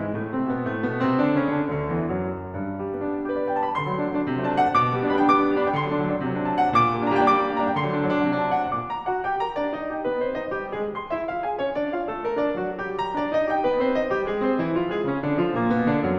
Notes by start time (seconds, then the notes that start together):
0.00 G#2 G#3
0.15 A2 A3
0.30 C3 C4
0.48 B2 B3
0.68 A2 A3
0.85 B2 B3
1.00 C3 C4
1.20 D3 D4
1.42 C#3 C#4
1.59 D3 D4
1.76 D2 D3
1.96 E2 E3
2.24 F#2 F#3
2.52 G2
2.68 G3
2.81 B3
2.90 D4
3.03 F#4
3.18 G4
3.26 B4
3.36 D5
3.44 F#5
3.54 G5
3.63 A5
3.70 B5
3.80 D3 C6
3.89 F#3 A3
3.98 D4
4.08 F#3 A3
4.14 D4
4.24 F#3 A3
4.32 C3
4.41 F#3 A3
4.49 F#3 A3 D4 A5
4.61 D4 F#5
4.70 F#3 A3
4.82 B2 D6
4.93 G3 B3
5.03 D4
5.07 G3 B3
5.12 G3 B3 D4 G5 B5
5.26 D4 D6
5.33 G3 B3
5.39 D4
5.47 G3 B3
5.60 D4 B5
5.69 G3 B3 G5
5.75 D3 C6
5.84 F#3 A3
5.91 D4
5.99 F#3 A3
6.07 D4
6.16 F#3 A3
6.26 C3
6.35 F#3 A3
6.42 D4 A5
6.51 F#3 A3
6.59 D4 F#5
6.70 F#3 A3
6.78 A#2 D6
6.87 G3 A#3
6.98 D4
7.05 G3 A#3
7.13 D4 A#5
7.20 G3 A#3 G5
7.29 D4 D6
7.38 G3 A#3
7.47 D4
7.56 G3 A#3 D4 A#5
7.69 G3 A#3 G5
7.78 D3 C6
7.88 F#3 A3
7.98 D4
8.06 F#3 A3
8.15 D4
8.23 F#3 A3
8.29 C3
8.38 F#3 A3
8.44 D4 A5
8.51 F#3 A3
8.59 D4 F#5
8.65 F#3 A3
8.73 A#2 D6
8.90 A#5
9.09 F#4 F#5
9.26 G4 G5
9.42 A#4 A#5
9.57 D4 D5
9.75 D#4 D#5
9.93 G4 G5
10.03 B3 B4
10.22 C4 C5
10.40 D#4 D#5
10.58 G3 G4
10.80 G#3 G#4
10.97 C6
11.16 E4 E5
11.31 F4 F5
11.46 G#4 G#5
11.59 C#4 C#5
11.75 D4 D5
11.91 F4 F5
12.09 A3 A4
12.26 A#3 A#4
12.42 D4 D5
12.57 F#3 F#4
12.78 G3 G4
12.99 A#5
13.18 D4 D5
13.35 D#4 D#5
13.49 G4 G5
13.63 B3 B4
13.78 C4 C5
13.94 D#4 D#5
14.12 G3 G4
14.27 G#3 G#4
14.43 C4 C5
14.58 E3 E4
14.74 F3 F4
14.88 G#3 G#4
15.03 C#3 C#4
15.24 D3 D4
15.38 F3 F4
15.55 A#2 A#3
15.70 B2 B3
15.86 D3 D4
16.04 F#2 F#3